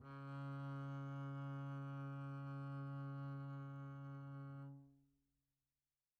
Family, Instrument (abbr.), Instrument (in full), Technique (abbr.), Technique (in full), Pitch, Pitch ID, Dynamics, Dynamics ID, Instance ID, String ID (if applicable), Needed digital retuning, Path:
Strings, Cb, Contrabass, ord, ordinario, C#3, 49, pp, 0, 0, 1, FALSE, Strings/Contrabass/ordinario/Cb-ord-C#3-pp-1c-N.wav